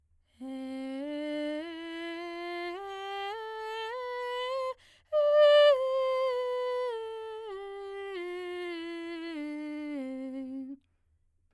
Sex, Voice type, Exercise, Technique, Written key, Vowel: female, soprano, scales, breathy, , e